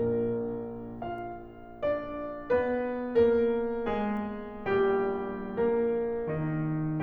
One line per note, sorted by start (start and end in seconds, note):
0.00 4.74 A#1
0.00 4.74 A#2
0.00 1.00 A#3
0.00 1.00 D4
0.00 1.00 A#4
1.01 1.81 F4
1.01 1.81 F5
1.83 2.50 D4
1.83 2.50 D5
2.51 3.23 B3
2.51 3.23 B4
3.24 3.94 A#3
3.24 3.94 A#4
3.95 4.74 G#3
3.95 4.74 G#4
4.76 7.02 A#1
4.76 7.02 A#2
4.76 5.53 G3
4.76 5.53 G4
5.54 6.27 A#3
5.54 6.27 A#4
6.29 7.01 D#3
6.29 7.01 D#4